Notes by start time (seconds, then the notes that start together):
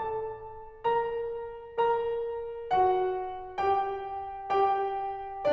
0.02 A4 A5
0.86 A#4 A#5
1.77 A#4 A#5
2.70 F#4 F#5
3.62 G4 G5
4.58 G4 G5